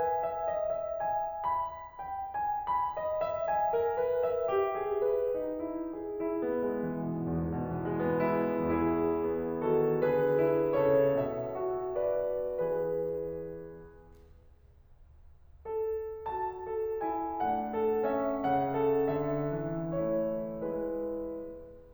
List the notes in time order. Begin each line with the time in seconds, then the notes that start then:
0.00 G#5
0.20 E5
0.49 D#5
0.78 E5
1.54 B5
2.09 F#5
2.26 G#5
2.75 B5
2.95 D#5
3.23 E5
3.49 G#5
3.77 A#4
3.97 B4
4.24 E5
4.49 G4
4.67 G#4
5.05 B4
5.34 D#4
5.89 G#4
6.15 E4
6.49 B3
6.71 G#3
6.85 E3
6.99 B2
7.30 E2
7.43 G#2
7.57 B2
7.70 E3
7.86 G#3
8.00 B3
8.16 E4
8.30 E2 E3 E4 G#4
9.15 B3
9.60 D#3 F#4 A4
10.09 D3 G#4 B4
10.44 E4
10.79 C#3 A4 C#5
11.22 B2 E5
11.60 F#4
11.98 B4 D5
12.60 E2 E3 B4
15.67 A4
16.35 F#4 A5
16.70 A4
17.07 E4 G#5
17.43 A3 D4 F#5
17.74 A4
18.05 C#4 E5
18.41 C#3 C#4 F#5
18.76 A4
19.11 D3 E5
19.53 E3
19.98 A3 E4 C#5
20.65 G#3 E4 B4